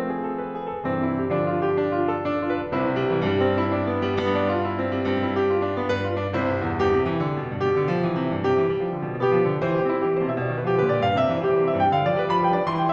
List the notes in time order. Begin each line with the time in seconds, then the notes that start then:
0.00 F3 A3 C4
0.14 G#4
0.29 A4
0.38 B4
0.53 G#4
0.68 A4
0.85 G2 C3 E3 C4
1.02 E4
1.15 G4
1.29 D3 F3 D4
1.44 F4
1.60 G4
1.75 D4
1.88 F4
2.02 A4
2.21 D4
2.40 F4
2.57 B4
2.74 C2 C3 E4 C5
2.88 G3
3.00 E3
3.18 G2 G3
3.41 C4
3.58 E4
3.74 D4
3.85 B3
4.02 G3
4.17 G2 B3
4.31 D4
4.44 F4
4.60 E4
4.76 C4
4.89 G3
5.04 G2 C4
5.24 E4
5.38 G4
5.53 F4
5.62 D4
5.74 B3
5.86 G2 B4
6.04 F4
6.19 D4
6.36 C3 E4 C5
6.49 G2
6.68 E2
6.84 G2 G4
6.97 C3
7.09 E3
7.23 D3
7.38 B2
7.49 G2
7.60 B2 G4
7.77 D3
7.93 F3
8.07 E3
8.21 C3
8.31 G2
8.44 C3 G4
8.57 E3
8.67 G3
8.80 F3
8.97 D3
9.11 B2
9.24 B3 G4
9.35 F3
9.47 D3
9.61 E3 C5
9.79 G3 G4
9.91 C4 E4
10.04 G3 G4
10.16 E3 C5
10.25 C3 E5
10.37 B2 D5
10.54 D3 B4
10.66 F3 G4
10.79 D3 B4
10.89 B2 D5
11.03 G2 F5
11.15 C3 E5
11.26 E3 C5
11.38 G3 G4
11.51 E3 C5
11.63 C3 E5
11.75 G2 G5
11.92 D3 F5
12.04 F3 D5
12.16 G3 B4
12.28 F3 B5
12.42 G3 F5
12.56 D4 D5
12.68 E3 C6
12.78 G3 G5